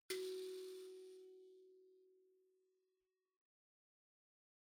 <region> pitch_keycenter=66 lokey=66 hikey=67 tune=-12 volume=22.218911 offset=4617 ampeg_attack=0.004000 ampeg_release=30.000000 sample=Idiophones/Plucked Idiophones/Mbira dzaVadzimu Nyamaropa, Zimbabwe, Low B/MBira4_pluck_Main_F#3_11_50_100_rr2.wav